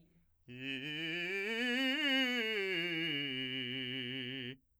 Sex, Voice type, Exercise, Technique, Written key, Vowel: male, , scales, fast/articulated forte, C major, i